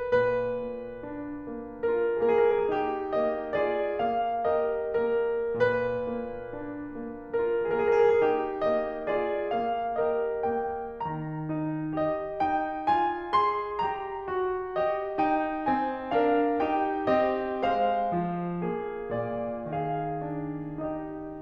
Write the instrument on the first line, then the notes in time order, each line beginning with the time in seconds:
piano
0.00 B4
0.22 A#2 B4
0.64 A#3
1.04 D4
1.47 A#3
1.88 F4 A#4
2.23 A#3 G#4
2.37 A#4
2.50 G#4
2.61 A#4
2.75 D#4 G4
3.25 A#3 D#5
3.62 F4 G#4 D5
4.03 A#3 F5
4.48 G4 A#4 D#5
4.96 A#3 A#4
5.51 A#2 B4
6.12 A#3
6.61 D4
7.12 A#3
7.47 F4 A#4
7.84 A#3 G#4
7.93 A#4
8.01 G#4
8.13 A#4
8.20 D#4 G4
8.61 A#3 D#5
9.07 F4 G#4 D5
9.53 A#3 F5
10.03 G4 A#4 D#5
10.51 A#3 G5
11.08 D#3 A#5
11.54 D#4
11.97 G4 D#5
12.42 D#4 G5
12.89 F4 G#5
13.35 G#4 C6
13.78 G4 A#5
14.27 F#4
14.76 G4 D#5
15.24 D#4 G5
15.66 C4 G#5
16.17 D4 A#4 F5
16.63 D#4 G4 G5
17.10 C4 G4 D#5
17.67 G#3 C5 F5
18.13 F3
18.63 A#3 G#4
19.10 A#2 D5
19.76 D#3 G#4 F5
20.25 D4
20.84 D#4 G4 D#5